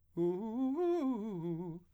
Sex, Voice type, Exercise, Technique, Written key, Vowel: male, , arpeggios, fast/articulated piano, F major, u